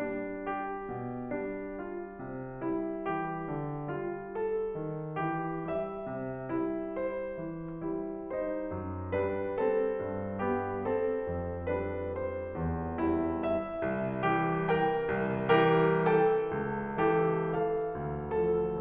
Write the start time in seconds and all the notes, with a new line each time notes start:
0.02 G3 D4
0.46 G4
0.89 B2
1.33 G3 D4
1.79 F4
2.20 C3
2.64 G3 E4
3.04 E3 G4
3.50 D3
3.92 G3 F4
4.32 A4
4.74 D#3
5.17 E3 G4
5.68 G3 E5
6.04 C3
6.48 G3 E4
6.97 C5
7.39 E3
7.83 G3 E4
8.30 D#4 C5
8.69 F#2
9.13 G3 D4 B4
9.55 C4 A4
10.01 G2
10.40 G3 B3 G4
10.85 C4 A4
11.22 F2
11.71 G3 D4 B4
12.15 C5
12.57 E2
13.00 G3 E4
13.43 E5
13.86 C2
14.24 E3 G4
14.69 A#4 G5
15.15 C2
15.60 E3 G4 A#4
16.06 A4 G5
16.50 C#2
16.98 E3 G4 A4
17.43 A4 F5
17.86 D2
18.34 F3 A4